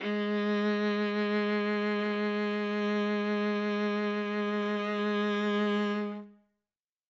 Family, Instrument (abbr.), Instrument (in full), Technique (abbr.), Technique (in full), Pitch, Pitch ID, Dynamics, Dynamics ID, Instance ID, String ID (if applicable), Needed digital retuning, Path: Strings, Va, Viola, ord, ordinario, G#3, 56, ff, 4, 3, 4, TRUE, Strings/Viola/ordinario/Va-ord-G#3-ff-4c-T24u.wav